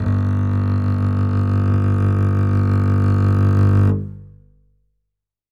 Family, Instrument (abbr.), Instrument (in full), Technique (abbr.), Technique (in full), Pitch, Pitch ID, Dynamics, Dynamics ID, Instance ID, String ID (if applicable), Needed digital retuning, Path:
Strings, Cb, Contrabass, ord, ordinario, G1, 31, ff, 4, 3, 4, TRUE, Strings/Contrabass/ordinario/Cb-ord-G1-ff-4c-T12u.wav